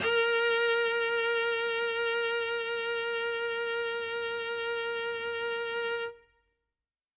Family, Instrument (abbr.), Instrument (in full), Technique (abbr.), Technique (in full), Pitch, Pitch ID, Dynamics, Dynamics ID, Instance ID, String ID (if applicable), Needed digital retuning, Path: Strings, Vc, Cello, ord, ordinario, A#4, 70, ff, 4, 0, 1, FALSE, Strings/Violoncello/ordinario/Vc-ord-A#4-ff-1c-N.wav